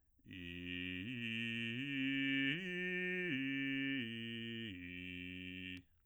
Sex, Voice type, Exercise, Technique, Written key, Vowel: male, bass, arpeggios, slow/legato piano, F major, i